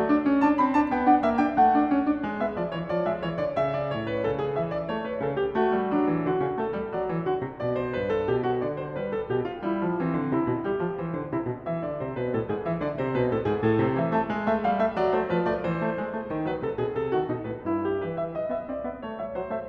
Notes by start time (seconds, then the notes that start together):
0.00 A3 D5
0.13 D4
0.29 C#4
0.45 D4 A5
0.60 C4 B5
0.78 D4 A5
0.93 B3 G5
1.10 D4 F#5
1.25 A#3 E5
1.36 D4 G5
1.56 A3 F#5
1.76 D4
1.89 C#4
2.05 D4
2.24 G#3
2.40 B3 E5
2.58 F3 D5
2.67 E3 C#5
2.83 F3 D5
3.07 G#3 E5
3.22 E3 C#5
3.39 D3 D5
3.60 C#3 E5
3.78 D5
3.98 A2 C#5
4.17 B4
4.27 C#3 A4
4.44 G#4
4.56 E3 E5
4.73 D5
4.91 A3 C#5
5.10 B4
5.20 C#3 A4
5.35 G4
5.53 A3 F#4
5.77 G3
5.94 F#3 D4
6.08 E3
6.25 D3 F#4
6.43 C#3
6.63 A3 A4
6.76 G3
6.92 F#3 D5
7.11 E3
7.24 D3 F#4
7.40 C3
7.57 B2 D5
7.77 C5
7.99 G2 B4
8.10 A4
8.30 B2 G4
8.48 F#4
8.64 D3 D5
8.81 C5
8.95 G3 B4
9.13 A4
9.26 B2 G4
9.45 F4
9.68 G3 E4
9.88 F3
10.03 E3 C4
10.16 D3
10.32 C3 E4
10.48 B2
10.66 G3 G4
10.80 F3
10.98 E3 C5
11.17 D3
11.32 C3 E4
11.45 B2
11.67 E3 E5
11.84 D3 D5
11.99 C3 C5
12.19 B2 B4
12.35 A2 A4
12.49 G#2 G#4
12.68 E3 E5
12.84 D3 D5
13.01 C3 C5
13.18 B2 B4
13.34 A2 A4
13.44 G#2 G#4
13.60 A2 A4
13.79 C3 C5
13.97 E3 E5
14.13 A3 A5
14.30 G#3
14.47 A3 E5
14.63 G3 F5
14.81 A3 E5
14.98 F#3 D5
15.14 A3 C5
15.30 F3 B4
15.48 A3 D5
15.65 E3 C5
15.78 A3
15.99 G#3
16.16 A3
16.32 D#3
16.47 F#3 B4
16.63 C3 A4
16.78 B2 G#4
16.95 C3 A4
17.09 D3 F#4
17.24 B2 D#4
17.44 A2 B4
17.65 G2 E4
17.87 G4
18.05 E3 B4
18.19 E5
18.34 D#5
18.49 B3 E5
18.66 C4 D5
18.87 B3 E5
19.04 A3 C#5
19.21 G3 E5
19.35 F#3 C5
19.53 A3 E5